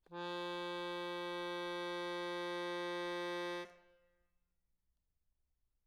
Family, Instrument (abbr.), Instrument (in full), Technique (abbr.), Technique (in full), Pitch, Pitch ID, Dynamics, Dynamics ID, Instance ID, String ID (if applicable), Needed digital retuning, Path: Keyboards, Acc, Accordion, ord, ordinario, F3, 53, mf, 2, 3, , FALSE, Keyboards/Accordion/ordinario/Acc-ord-F3-mf-alt3-N.wav